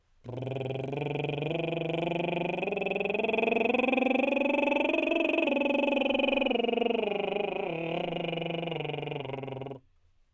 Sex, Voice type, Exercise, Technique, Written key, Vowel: male, tenor, scales, lip trill, , o